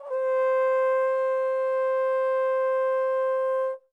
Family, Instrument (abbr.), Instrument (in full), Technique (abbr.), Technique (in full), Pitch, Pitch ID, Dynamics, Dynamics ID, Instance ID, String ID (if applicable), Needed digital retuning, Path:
Brass, Tbn, Trombone, ord, ordinario, C5, 72, mf, 2, 0, , TRUE, Brass/Trombone/ordinario/Tbn-ord-C5-mf-N-T23u.wav